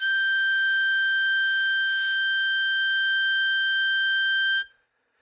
<region> pitch_keycenter=91 lokey=90 hikey=93 volume=7.347265 trigger=attack ampeg_attack=0.004000 ampeg_release=0.100000 sample=Aerophones/Free Aerophones/Harmonica-Hohner-Super64/Sustains/Normal/Hohner-Super64_Normal _G5.wav